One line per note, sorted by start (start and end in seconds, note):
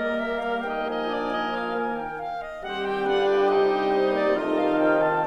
0.00 0.65 G3
0.00 0.65 A#3
0.00 2.18 A#3
0.00 0.65 A#4
0.00 0.23 D#5
0.23 0.43 E5
0.43 0.65 F5
0.65 0.91 D#4
0.65 0.91 D#5
0.65 0.91 G5
0.91 1.14 F3
0.91 1.14 D#4
0.91 1.14 D#5
0.91 1.96 G#5
1.14 1.35 D4
1.14 1.35 D5
1.35 1.56 D#4
1.35 1.56 D#5
1.56 1.75 F4
1.56 1.75 F5
1.75 2.18 D#3
1.75 2.18 A#3
1.75 2.18 A#4
1.96 2.18 G5
2.18 2.41 F5
2.41 2.64 D#5
2.64 3.04 D#3
2.64 3.04 G3
2.64 4.37 G3
2.64 2.89 C4
2.64 3.04 G4
2.64 4.37 G4
2.64 3.04 C5
2.64 2.89 F#5
2.89 3.04 G5
3.04 3.46 D3
3.04 3.26 D4
3.04 3.46 F4
3.04 3.46 B4
3.04 3.46 D5
3.04 3.26 F#5
3.26 3.46 G5
3.46 3.66 C3
3.46 3.66 D#4
3.46 3.87 D#4
3.46 4.37 C5
3.46 4.37 D#5
3.46 3.87 G5
3.66 3.87 D4
3.87 4.13 C4
3.87 4.13 C5
4.13 4.37 A#3
4.13 4.37 D5
4.37 5.27 D#3
4.37 4.60 A3
4.37 5.27 D#4
4.37 4.60 F4
4.37 5.27 A4
4.37 4.60 D#5
4.37 5.27 F5
4.60 4.82 G3
4.60 4.82 F5
4.82 5.05 F3
4.82 5.05 G5
5.05 5.27 D#3
5.05 5.27 A5